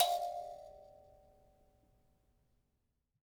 <region> pitch_keycenter=77 lokey=77 hikey=78 tune=14 volume=9.859019 ampeg_attack=0.004000 ampeg_release=15.000000 sample=Idiophones/Plucked Idiophones/Mbira Mavembe (Gandanga), Zimbabwe, Low G/Mbira5_Normal_MainSpirit_F4_k22_vl2_rr1.wav